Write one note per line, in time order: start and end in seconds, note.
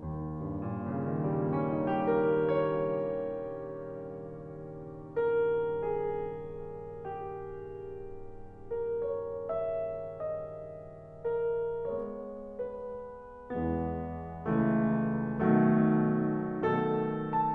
0.00 2.58 D#2
0.37 2.58 G2
0.65 2.58 A#2
0.85 2.58 C#3
1.11 2.58 D#3
1.32 5.71 G3
1.52 5.71 A#3
1.65 5.71 C#4
1.80 5.71 D#4
1.92 5.71 G4
2.04 4.44 A#4
2.15 8.03 C#5
5.19 8.03 A#4
5.72 8.75 G#4
7.06 8.75 G4
8.77 9.43 A#4
9.18 9.65 C#5
9.44 9.94 E5
9.66 11.24 D#5
11.25 11.95 A#4
11.71 12.70 G#3
11.71 12.70 B3
11.71 12.21 C#5
12.24 13.13 B4
13.54 14.45 E2
13.54 14.45 E3
13.54 14.45 G#3
13.54 14.45 B3
14.47 15.38 C#2
14.47 15.38 C#3
14.47 15.38 E3
14.47 15.38 A3
15.41 17.52 B1
15.41 17.52 B2
15.41 17.52 D#3
15.41 17.52 F#3
15.41 17.52 A3